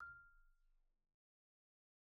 <region> pitch_keycenter=89 lokey=87 hikey=92 volume=37.067757 xfin_lovel=0 xfin_hivel=83 xfout_lovel=84 xfout_hivel=127 ampeg_attack=0.004000 ampeg_release=15.000000 sample=Idiophones/Struck Idiophones/Marimba/Marimba_hit_Outrigger_F5_med_01.wav